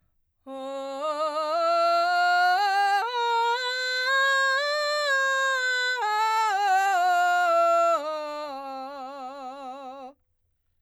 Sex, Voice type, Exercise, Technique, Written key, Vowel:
female, soprano, scales, belt, , o